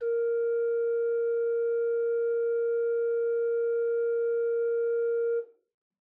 <region> pitch_keycenter=58 lokey=58 hikey=59 offset=132 ampeg_attack=0.004000 ampeg_release=0.300000 amp_veltrack=0 sample=Aerophones/Edge-blown Aerophones/Renaissance Organ/4'/RenOrgan_4foot_Room_A#2_rr1.wav